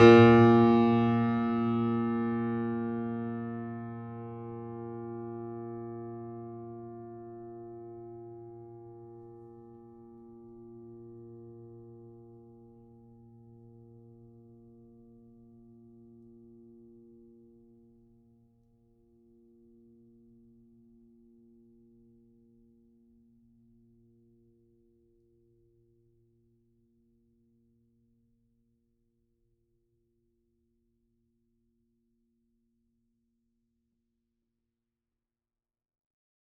<region> pitch_keycenter=46 lokey=46 hikey=47 volume=-0.175203 lovel=100 hivel=127 locc64=65 hicc64=127 ampeg_attack=0.004000 ampeg_release=0.400000 sample=Chordophones/Zithers/Grand Piano, Steinway B/Sus/Piano_Sus_Close_A#2_vl4_rr1.wav